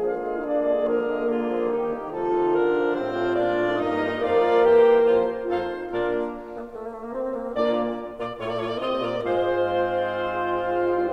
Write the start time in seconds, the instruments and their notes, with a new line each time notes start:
0.00 bassoon D3 F3, horn F4, clarinet F5
0.20 bassoon G#3
0.42 bassoon A#3, horn D4, clarinet D5
0.66 bassoon G#3
0.88 bassoon D3 F3, horn A#3, clarinet G#4 A#4
1.16 bassoon G#3
1.36 bassoon D3 A#3, clarinet F4 G#4
1.54 bassoon F3
1.72 bassoon D#3 G3, clarinet D#4 G4
1.94 bassoon D#3
2.16 bassoon C3 F3, clarinet D#4 A4, horn F4
2.38 bassoon D#3
2.61 bassoon D3, clarinet D4 A#4
2.74 bassoon F3
2.93 bassoon A2 G3, clarinet C4 C5, horn F4, oboe F5
3.11 bassoon A3
3.31 bassoon A#2 A#3, clarinet D4 D5
3.53 bassoon A3
3.77 bassoon G2 A#3, horn A#3 D#4, clarinet D#4 D#5, oboe A#4 D#5
3.97 bassoon G3
4.17 bassoon F2 F3, horn A#3 A#4, clarinet F4 F5, oboe D5
4.63 bassoon E2 E3, clarinet G4 G5, oboe C5
5.14 bassoon F2 F3, clarinet F4 C5
5.57 bassoon F2 F3, clarinet D#4 F5, horn F4, oboe A4 C5
5.92 bassoon A#2, horn A#3 F4, clarinet D4 D5, oboe A#4
6.46 bassoon A#3
6.68 bassoon A3
6.79 bassoon A#3
6.92 bassoon A3
7.04 bassoon A#3
7.09 bassoon C4
7.34 bassoon A#3
7.56 bassoon A#2 A#3, horn A#2 A#3, clarinet F4 D5, oboe D5
8.21 bassoon A#2 A#3, clarinet F4, oboe D5
8.42 bassoon A2 A3, clarinet F4, oboe C#5
8.52 bassoon A#2 A#3, oboe D5
8.64 bassoon A2 A3, clarinet F4, oboe C#5
8.75 bassoon A#2 A#3, oboe D5
8.88 bassoon C3 C4, clarinet F4, oboe D#5
9.13 bassoon A#2 A#3, clarinet F4, oboe D5
9.33 bassoon G#2 G#3, horn F4, oboe C5, clarinet C5 F5
9.76 oboe C4